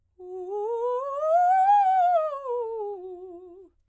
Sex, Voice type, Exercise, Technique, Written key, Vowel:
female, soprano, scales, fast/articulated piano, F major, u